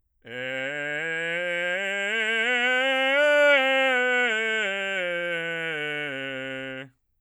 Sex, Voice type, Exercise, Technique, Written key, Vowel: male, bass, scales, belt, , e